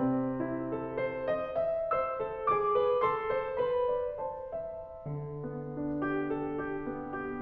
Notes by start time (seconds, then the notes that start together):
0.00 C3 C4
0.36 E4
0.66 A4
0.93 C5
1.21 D#5
1.57 E5
1.97 C5 E6
2.22 A4
2.54 G#4 D6
2.82 B4
3.08 A4 C6
3.30 C5
3.63 B4 B5
3.97 D5
4.25 C5 A5
4.57 E5
5.26 D3
5.46 B3
5.80 D4
6.03 G4
6.29 A4
6.56 G4
6.87 B3
7.19 G4